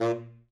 <region> pitch_keycenter=46 lokey=46 hikey=47 tune=11 volume=14.052880 ampeg_attack=0.004000 ampeg_release=1.500000 sample=Aerophones/Reed Aerophones/Tenor Saxophone/Staccato/Tenor_Staccato_Main_A#1_vl2_rr5.wav